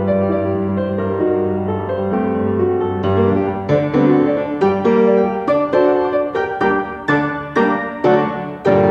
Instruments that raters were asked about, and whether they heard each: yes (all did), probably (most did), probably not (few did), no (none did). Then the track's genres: bass: no
piano: yes
Classical